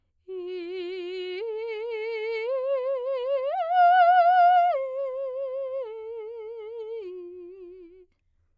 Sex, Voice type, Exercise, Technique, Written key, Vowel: female, soprano, arpeggios, slow/legato piano, F major, i